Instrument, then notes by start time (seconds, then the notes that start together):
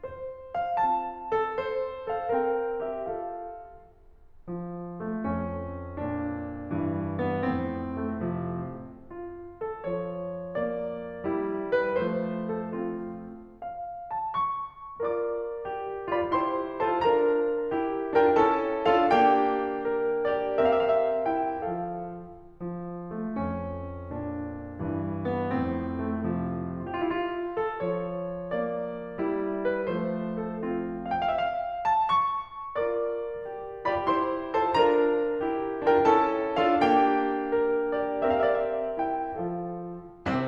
piano
0.00 C5
0.63 F5
0.86 C4 F4 A5
1.44 A4
1.64 C5
2.15 A4 F5
2.35 C4 A#4 G5
2.86 G4 E5
3.07 F4 A4 F5
4.52 F3
5.05 A3
5.28 F2 C#4
6.06 A#2 D4
6.77 G2 E3
7.34 B3
7.53 F2 A2 C4
8.13 A3
8.30 C3 F3
9.07 F4
9.61 A4
9.83 F3 C#5
10.55 A#3 D5
11.26 G3 E4
11.75 B4
11.95 F3 A3 C5
12.57 A4
12.78 C4 F4
13.63 F5
14.08 A5
14.25 C#6
15.00 F4 A#4 D5 D6
15.64 G4
16.20 F4 G4 D5 B5
16.39 E4 G4 C5 C6
16.89 F4 A4 C5 A5
17.03 D4 F4 A#4 A#5
17.72 E4 G4
18.18 D4 F4 A#4 G5
18.36 C#4 E4 A4 A5
18.87 D4 F4 A4 F5
19.11 A#3 D4 G4 G5
19.88 A#4
20.41 G4 D5
20.61 C4 G4 A#4 F5
20.72 E5
20.87 D5
20.99 E5
21.37 E4 G5
21.65 F3 F4 A4 F5
22.53 F3
23.10 A3
23.31 F2 C#4
24.13 A#2 D4
24.76 G2 E3
25.31 B3
25.54 F2 A2 C4
26.13 A3
26.28 C3 F3
26.96 G4
27.04 F4
27.16 E4
27.25 F4
27.59 A4
27.76 F3 C#5
28.53 A#3 D5
29.25 G3 E4
29.76 B4
29.98 F3 A3 C5
30.48 A4
30.62 C4 F4
31.18 G5
31.30 F5
31.39 E5
31.52 F5
31.83 A5
31.95 C#6
32.76 F4 A#4 D5 D6
33.45 G4
33.88 F4 G4 D5 B5
34.08 E4 G4 C5 C6
34.55 F4 A4 C5 A5
34.75 D4 F4 A#4 A#5
35.46 E4 G4
35.93 D4 F4 A#4 G5
36.11 C#4 E4 A4 A5
36.65 D4 F4 A4 F5
36.84 A#3 D4 G4 G5
37.56 A#4
38.09 G4 D5
38.29 C4 G4 A#4 F5
38.42 E5
38.52 D5
38.63 E5
38.99 E4 G5
39.22 F3 F4 A4 F5
40.05 C2 C3
40.28 C3 C4